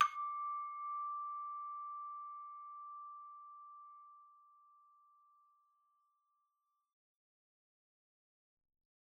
<region> pitch_keycenter=86 lokey=86 hikey=87 tune=-5 volume=15.569592 ampeg_attack=0.004000 ampeg_release=30.000000 sample=Idiophones/Struck Idiophones/Hand Chimes/sus_D5_r01_main.wav